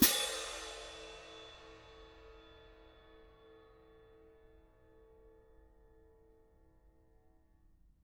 <region> pitch_keycenter=60 lokey=60 hikey=60 volume=5.843266 lovel=55 hivel=83 seq_position=2 seq_length=2 ampeg_attack=0.004000 ampeg_release=30.000000 sample=Idiophones/Struck Idiophones/Clash Cymbals 1/cymbal_crash1_mp2.wav